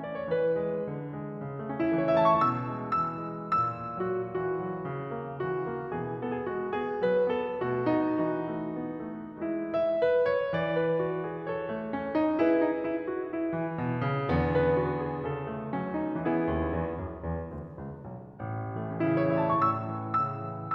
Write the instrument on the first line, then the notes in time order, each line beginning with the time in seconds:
piano
0.01 C#4 D5
0.12 C#5
0.27 E3 B4
0.56 G#3
0.86 D3
1.13 G#3
1.35 C#3
1.57 A3
1.68 C#4
1.78 E3 E4
1.88 A4
1.94 C#5
2.03 A3 E5
2.15 A5
2.26 C#6
2.36 B2 E6
2.65 G#3
2.98 E3 E6
3.34 F#3
3.58 A#2 E6
3.96 F#3 F#4
4.30 E3 F#4
4.55 F#3
4.84 C#3
5.21 A#3
5.43 E3 F#4
5.69 A#3
5.93 B2 E3 G#4
6.21 B3 A4
6.37 G#4
6.47 G#3 F#4
6.73 B3 G#4
7.01 F#3 B4
7.31 B3 A4
7.61 B2 A3 F#4
7.85 B3 D#4
8.24 E3 D#4 F#4
8.52 A3
8.79 B3
9.07 A3
9.43 G#3 E4
9.73 E5
10.00 B4
10.21 C#5
10.55 E3 D5
10.78 B4
11.02 F#4
11.26 G#4
11.45 A4 C#5
11.70 A3
11.93 C#4
12.14 D#4
12.38 E4 G#4 B4
12.61 D#4
12.78 E4
13.01 F#4
13.30 E4
13.54 E3
13.80 B2
14.05 C#3
14.26 E2 D3 B3
14.52 B4
14.76 F#4
14.98 G#4
15.25 C#3 A4
15.48 A3
15.71 F#3 C#4
15.96 D#4
16.20 E3 B3 E4 G#4
16.42 D#2
16.75 E2
17.00 F#2
17.21 E2
17.47 D2
17.75 C#2
17.98 B1
18.26 A1
18.66 E3 A3
18.80 C#4
18.94 C#3 E4
19.06 A4
19.19 C#5
19.31 E3 E5
19.39 A5
19.45 C#6
19.53 A2 E6
19.87 E3
20.16 C#3 E6
20.42 E3